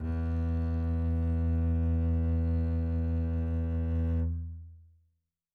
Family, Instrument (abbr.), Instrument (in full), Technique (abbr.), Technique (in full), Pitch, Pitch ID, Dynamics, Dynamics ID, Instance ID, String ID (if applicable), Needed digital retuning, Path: Strings, Cb, Contrabass, ord, ordinario, E2, 40, mf, 2, 3, 4, FALSE, Strings/Contrabass/ordinario/Cb-ord-E2-mf-4c-N.wav